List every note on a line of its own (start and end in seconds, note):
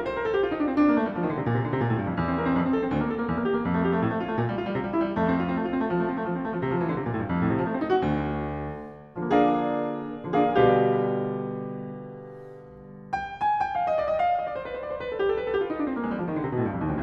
0.00 0.09 A#4
0.09 0.19 C5
0.19 0.29 A#4
0.29 0.36 A4
0.36 0.43 G4
0.43 0.52 F4
0.52 0.60 D#4
0.60 0.67 D4
0.67 0.77 C4
0.77 0.86 D4
0.86 0.95 A#3
0.95 1.06 A3
1.06 1.16 G3
1.16 1.23 F3
1.23 1.29 D#3
1.29 1.38 D3
1.38 1.47 C3
1.47 1.56 A#2
1.56 1.64 C3
1.64 1.68 D3
1.68 1.75 C3
1.75 1.88 A#2
1.88 1.97 A2
1.97 2.10 G2
2.10 2.19 F2
2.19 2.60 E2
2.30 2.39 C4
2.39 2.50 A#4
2.50 2.60 C4
2.60 2.90 F2
2.69 2.75 C4
2.75 2.84 A4
2.84 2.90 C4
2.90 3.27 D2
3.00 3.13 A#3
3.13 3.18 A4
3.18 3.27 A#3
3.27 3.62 E2
3.36 3.45 A#3
3.45 3.53 G4
3.53 3.62 A#3
3.62 4.03 F2
3.73 3.82 A3
3.82 3.94 G4
3.94 4.03 A3
4.03 4.40 A2
4.10 4.20 A3
4.20 4.30 F4
4.30 4.40 A3
4.40 4.76 A#2
4.53 4.62 G3
4.62 4.68 F4
4.68 4.76 G3
4.76 5.19 C3
4.85 4.95 G3
4.95 5.09 E4
5.09 5.19 G3
5.19 5.57 F2
5.19 5.29 A3
5.29 5.40 C4
5.40 5.48 F4
5.48 5.57 C4
5.57 5.65 A3
5.65 5.75 F4
5.75 5.82 C4
5.82 5.90 A3
5.90 6.01 F3
6.01 6.10 A3
6.10 6.16 C4
6.16 6.22 A3
6.22 6.32 F3
6.32 6.39 C4
6.39 6.47 A3
6.47 6.56 F3
6.56 6.66 C3
6.66 6.78 F3
6.78 6.85 E3
6.85 6.95 D3
6.95 7.05 C3
7.05 7.14 A#2
7.14 7.22 A2
7.22 7.30 G2
7.30 7.41 F2
7.41 7.49 A2
7.49 7.59 C3
7.59 7.69 F3
7.69 7.73 A3
7.73 7.80 C4
7.80 7.91 D#4
7.91 8.07 F#4
8.07 8.84 D2
9.31 10.08 D3
9.31 10.08 F3
9.31 10.08 A#3
9.31 10.08 D4
9.31 10.08 G#4
9.31 10.08 A#4
9.31 10.08 D5
9.31 10.08 F5
10.08 10.48 D3
10.08 10.48 F3
10.08 10.48 A#3
10.08 10.48 D4
10.08 10.48 G#4
10.08 10.48 A#4
10.08 10.48 D5
10.08 10.48 F5
10.48 12.02 B2
10.48 12.02 D3
10.48 12.02 G3
10.48 12.02 G4
10.48 12.02 B4
10.48 12.02 D5
10.48 12.02 F5
13.19 13.32 G5
13.32 13.60 G#5
13.60 13.75 G5
13.75 13.90 F5
13.90 13.98 D#5
13.98 14.06 D5
14.06 14.18 D#5
14.18 14.37 F5
14.37 14.48 D#5
14.48 14.57 D5
14.57 14.66 C5
14.66 14.80 B4
14.80 14.85 C5
14.85 14.93 D5
14.93 15.03 C5
15.03 15.13 B4
15.13 15.26 A4
15.26 15.31 G4
15.31 15.38 A4
15.38 15.48 B4
15.48 15.56 A4
15.56 15.62 G4
15.62 15.71 F4
15.71 15.79 D#4
15.79 15.91 D4
15.91 15.98 C4
15.98 16.06 A#3
16.06 16.14 G#3
16.14 16.21 G3
16.21 16.28 F3
16.28 16.36 D#3
16.36 16.42 D3
16.42 16.50 C3
16.50 16.59 B2
16.59 16.65 A2
16.65 16.73 G2
16.73 16.80 F2
16.80 16.89 D#2
16.89 17.03 D2